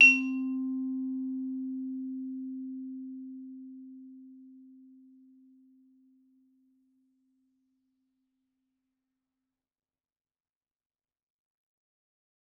<region> pitch_keycenter=60 lokey=59 hikey=62 volume=6.850434 offset=114 lovel=84 hivel=127 ampeg_attack=0.004000 ampeg_release=15.000000 sample=Idiophones/Struck Idiophones/Vibraphone/Hard Mallets/Vibes_hard_C3_v3_rr1_Main.wav